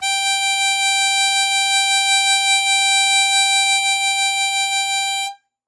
<region> pitch_keycenter=79 lokey=78 hikey=81 volume=4.421719 trigger=attack ampeg_attack=0.004000 ampeg_release=0.100000 sample=Aerophones/Free Aerophones/Harmonica-Hohner-Super64/Sustains/Vib/Hohner-Super64_Vib_G4.wav